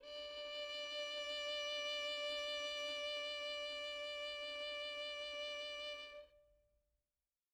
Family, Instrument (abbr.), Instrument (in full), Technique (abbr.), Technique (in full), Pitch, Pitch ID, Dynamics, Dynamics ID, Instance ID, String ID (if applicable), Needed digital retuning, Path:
Strings, Vn, Violin, ord, ordinario, D5, 74, mf, 2, 2, 3, FALSE, Strings/Violin/ordinario/Vn-ord-D5-mf-3c-N.wav